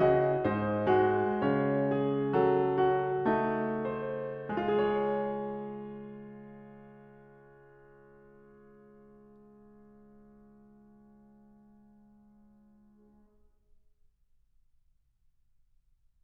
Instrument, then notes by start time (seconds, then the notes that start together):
piano
0.00 F#4 D#5
0.41 G#2
0.45 D#4 C5
0.81 G#3
0.91 F#4
1.38 C#3
1.45 C#4 C#5
1.90 G#4
2.24 F#3
2.31 A4
2.79 F#4
3.26 A3
3.37 D#4
3.83 C5
4.41 G#3
4.55 F4 G#4 C#5